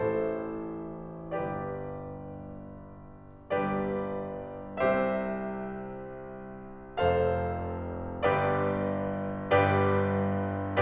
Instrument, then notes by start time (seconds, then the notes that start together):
piano
0.00 A1 A2 E4 A4 C5
1.36 G1 G2 G4 B4 D5
3.53 G1 G2 G4 B4 D5
4.82 C2 C3 G4 C5 E5
7.04 F1 F2 A4 C5 F5
8.34 G1 G2 G4 B4 D5
9.54 G1 G2 G4 B4 D5